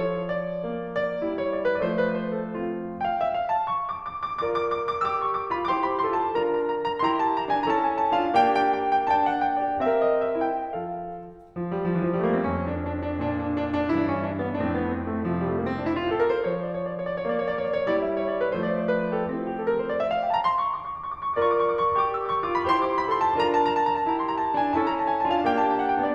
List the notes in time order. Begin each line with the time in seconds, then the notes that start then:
0.00 F3 C#5
0.29 D5
0.66 A#3
0.94 D5
1.23 G3 E4
1.42 C#5
1.54 D5
1.70 B4
1.87 F3 A3 D5
1.94 C5
2.07 B4
2.24 C5
2.41 A4
2.59 C4 F4
2.76 E5
2.95 F5
3.12 E5
3.23 F5 G5
3.32 E5
3.41 F5
3.52 A5
3.68 C#6
3.85 D6
4.05 D6
4.24 D6
4.45 F4 A#4 D5 D6
4.55 D6
4.71 D6
4.89 D6
5.07 G4 E6
5.14 D6
5.22 C#6
5.38 D6
5.49 F4 G4 B5
5.69 E4 G4 C5 D6
5.75 C6
5.84 B5
5.98 C6
6.18 F4 A4 A5
6.35 D4 F4 A#4 A#5
6.51 A#5
6.75 A#5
6.90 A#5
7.01 E4 G4 C6
7.07 A#5
7.20 A5
7.35 A#5
7.47 D4 F4 G#5
7.65 C#4 E4 A4 A#5
7.71 A5
7.80 G#5
7.99 A5
8.15 D4 F4 F5
8.38 A#3 D4 G4 G5
8.58 G5
8.75 G5
8.92 G5
9.11 D4 A5
9.17 G5
9.29 F#5
9.47 G5
9.64 G4 D5
9.78 C4 G4 A#4 F5
9.85 E5
9.93 D5
10.11 E5
10.40 E4 G5
10.67 F3 F4 A4 F5
11.60 F3
11.73 G3
11.85 F3
11.96 E3
12.05 F3 G3
12.16 A3
12.24 A#3
12.31 C4
12.38 F2 C#4
12.61 D4
12.78 D4
12.98 D4
13.18 A#2 D4
13.37 D4
13.54 D4
13.73 D4
13.94 G2 E3 E4
14.01 D4
14.11 C4
14.26 D4
14.41 B3
14.58 F2 A2 D4
14.65 C4
14.76 B3
14.95 C4
15.15 A3
15.29 C3 F3
15.41 G3
15.51 A3
15.57 A#3
15.67 C4
15.77 D4
15.87 E4
15.98 F4
16.08 G4
16.15 A4
16.27 A#4
16.38 C5
16.52 F3 C#5
16.65 D5
16.76 C#5
16.88 D5
17.03 C#5
17.18 D5
17.29 A#3 C#5
17.39 D5
17.50 C#5
17.58 D5
17.65 C#5
17.74 D5
17.81 C#5
17.89 G3 E4 D5
18.02 E5
18.10 D5
18.22 C#5
18.34 D5
18.46 B4
18.60 F3 A3 C5
18.70 D5
18.83 C5
18.98 B4
19.11 C5
19.24 A4
19.34 C4 F4
19.42 G4
19.54 A4
19.64 A#4
19.75 C5
19.88 D5
20.00 E5
20.12 F5
20.22 G5
20.29 A5
20.34 A#5
20.46 C6
20.53 C#6
20.65 D6
20.81 C#6
20.98 D6
21.12 C#6
21.23 D6
21.36 F4 A#4 D5 C#6
21.48 D6
21.56 C#6
21.68 D6
21.78 C#6
21.87 C#6 D6
22.00 G4 D6
22.09 E6
22.20 D6
22.34 C#6
22.44 D6
22.49 F4 G4
22.55 B5
22.66 E4 G4 C5 C6
22.77 D6
22.88 C6
23.01 B5
23.13 C6
23.20 F4 A4
23.25 A5
23.39 D4 F4 A#4 A#5
23.55 A5
23.63 A#5
23.75 A5
23.84 A#5
23.95 A5
24.08 E4 G4 A#5
24.20 C6
24.31 A#5
24.42 A5
24.50 A#5
24.54 D4 F4
24.60 G#5
24.73 C#4 E4 A4 A5
24.85 A#5
24.96 A5
25.08 G#5
25.23 A5
25.30 D4 F4
25.36 F5
25.48 B3 D4 G4 G5
25.60 A5
25.73 G5
25.86 F#5
25.98 B3 D4 G5
26.08 D5